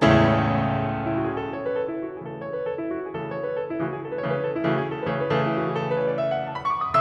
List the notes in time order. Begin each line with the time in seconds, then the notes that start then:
0.00 C#2 E2 A2 C#3 A3 C#4 E4 A4
1.06 E4
1.21 F#4
1.32 G#4
1.43 A4
1.57 B4
1.66 C#5
1.76 B4
1.82 A4
1.90 E4
2.00 F#4
2.10 G#4
2.29 C#3 E3 A3 A4
2.41 B4
2.51 C#5
2.65 B4
2.74 A4
2.84 E4
2.95 F#4
3.07 G#4
3.15 C#3 E3 A3 A4
3.24 B4
3.33 C#5
3.44 B4
3.61 A4
3.72 E4
3.81 C#3 E3 A3 F#4
3.90 G#4
4.01 A4
4.13 B4
4.25 C#3 E3 A3 C#5
4.33 B4
4.42 A4
4.52 E4
4.61 C#3 E3 A3 F#4
4.75 G#4
4.85 A4
4.95 B4
5.09 C#3 E3 A3 C#5
5.26 B4
5.36 C#3 E3 A3 A4
5.48 E4
5.56 F#4
5.65 G#4
5.76 A4
5.85 B4
5.94 C#5
6.04 D#5
6.13 E5
6.25 F#5
6.35 G#5
6.48 A5
6.58 B5
6.68 C#6
6.78 D6
6.90 D#6